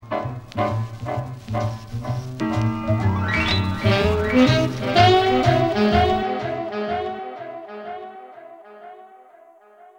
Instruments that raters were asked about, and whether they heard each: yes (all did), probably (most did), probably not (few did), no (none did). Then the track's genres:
saxophone: yes
trumpet: probably
trombone: probably
Electronic; Hip-Hop; Dubstep